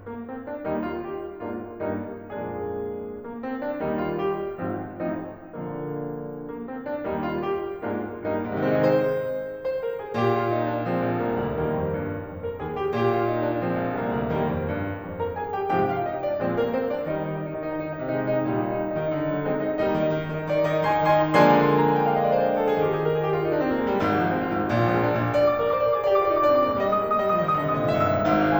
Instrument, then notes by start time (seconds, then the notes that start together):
piano
0.07 A#3
0.27 C4
0.47 D4
0.65 D#2 D#3 G3 A#3 D#4
0.84 F4
1.01 G4
1.44 G#2 G#3 A#3 D4 F4
1.83 G2 G3 A#3 D#4
2.15 F2 A#2 F3 G#3 A#3 D4 G#4
3.21 A#3
3.39 C4
3.64 D4
3.84 D#2 D#3 G3 A#3 D#4
4.02 F4
4.18 G4
4.59 G#1 G#2 F3 C4 F4
5.01 A1 A2 F3 C4 D#4
5.40 A#1 A#2 D3 F3 A#3
6.46 A#3
6.66 C4
6.83 D4
7.03 D#2 D#3 D#4
7.17 F4
7.33 G4
7.75 G#2 G#3 A#3 D4 F4
8.11 G2 G3 A#3 D#4
8.48 G#2 C4
8.53 C3 D#4
8.57 D#3 G#4
8.62 G#3 C5
9.57 C5
9.80 A#4
9.98 G#4
10.16 A#2 G4
10.35 F4
10.50 D#4
10.69 D4
10.87 F3 G#3 C4
11.06 A#1
11.22 C2 A#3
11.40 D2
11.58 D#2 D#3 G3 A#3
11.71 F2
11.89 G2
12.23 F2
12.41 A#4
12.59 D#2 G#4
12.76 G4
12.93 A#2 G4
13.11 F4
13.26 D#4
13.45 D4
13.62 F3 G#3 C4
13.74 A#1
13.94 C2 A#3
14.12 D2
14.31 D#2 D#3 G3 A#3
14.48 F2
14.63 G2
15.00 F2
15.20 A#4 A#5
15.38 D#2 G#4 G#5
15.56 G4 G5
15.70 G2 C3 F3 G4 G5
15.94 F4 F5
16.10 D#4 D#5
16.26 D4 D5
16.43 A#2 F3 G#3 C4 C5
16.61 A#3 A#4
16.77 C4 C5
16.92 D4 D5
17.09 D#3 G3 D#4
17.20 D#5
17.28 D#4
17.37 D#5
17.49 D#4
17.57 D#5
17.66 D#3 D#4
17.74 D#5
17.84 D3 D#4
17.93 D#5
18.00 D#3 D#4
18.07 D#5
18.15 C3 G#3 D#4
18.24 D#5
18.34 C3 G#3 D#4
18.42 D#5
18.50 A#2 G3 D#4
18.58 D#5
18.67 D#4
18.77 D#5
18.85 D#4 D#5
18.96 D#3 D#4
19.03 D#5
19.13 D3 D#4
19.20 D#5
19.29 D#3 D#4
19.38 D#5
19.49 G#3 C4 D#4
19.58 D#5
19.67 G#3 C4 D#4
19.76 D#5
19.82 G3 A#3 D#4 D#5
20.01 D#3
20.14 D#4
20.22 D#3
20.27 D#4
20.36 D#3 D#5
20.48 D#4
20.57 D#3 D5
20.66 D#4
20.73 D#3 D#5
20.80 D#4
20.90 D#3 G#5 C6
21.01 D#4
21.15 D#3 G#5 C6
21.25 D#4
21.34 D#3 F3 G#3 A#3 D4 G#5 C6
21.84 A#5
21.95 G#5
22.03 G5
22.13 F5
22.21 D#5
22.31 D5
22.40 C5
22.45 B4
22.54 A#4
22.62 A4
22.71 G#4
22.81 D#3 G3 A#3 D#4 G4
22.86 G#4
22.97 A#4
23.08 G#4
23.22 G4
23.35 F4
23.44 D#4
23.54 D4
23.62 C4
23.73 A#3
23.80 G#3
23.92 G3
24.04 G#1 G#2
24.12 F3
24.27 G#3
24.35 C4
24.42 F4
24.58 G#1 G#2
24.74 A#1 A#2
24.83 F3
24.92 G#3
24.99 A#3
25.07 D4
25.21 A#1 A#2
25.37 D5
25.48 D6
25.57 G#4 D5
25.65 A#4 D6
25.74 C5 D5
25.84 A#4 D6
25.93 G#4 D5
26.07 G4 D6
26.15 F4 D5
26.23 D#4 D6
26.32 D5
26.38 D4 D6
26.52 C4 D5
26.60 A#3 D6
26.67 D5
26.73 G#3 D6
26.85 G3 D#5
26.93 G#3 D#6
27.02 A#3 D#5
27.08 D#6
27.15 G#3 D#5
27.23 G3 D#6
27.31 D#5
27.36 F3 D#6
27.44 D#3 D#5
27.53 D3 D#6
27.61 D#5
27.69 C3 D#6
27.83 A#2 E5
27.91 G#2 E6
28.01 E5
28.07 G2 E6
28.20 G#1 G#2
28.32 F5
28.43 G#5
28.51 C6